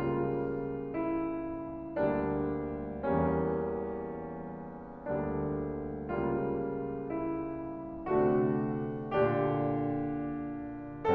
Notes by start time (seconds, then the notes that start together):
0.02 C#2 C#3 G3 A#3 F4
0.93 E4
2.06 D2 D3 G3 A#3 D4
3.08 E2 E3 G3 A#3 C#4
5.08 D2 D3 G3 A#3 D4
6.24 C#2 C#3 G3 A#3 F4
7.11 E4
8.03 C3 D3 A3 D4 F#4
8.93 A#2 D3 D4 G4